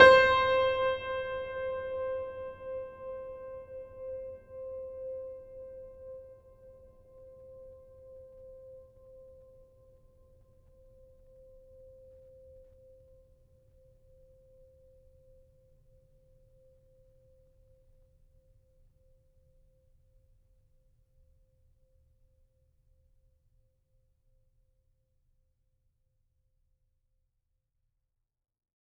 <region> pitch_keycenter=72 lokey=72 hikey=73 volume=0.071571 lovel=66 hivel=99 locc64=65 hicc64=127 ampeg_attack=0.004000 ampeg_release=0.400000 sample=Chordophones/Zithers/Grand Piano, Steinway B/Sus/Piano_Sus_Close_C5_vl3_rr1.wav